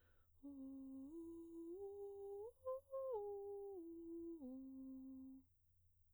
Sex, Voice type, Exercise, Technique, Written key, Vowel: female, soprano, arpeggios, breathy, , u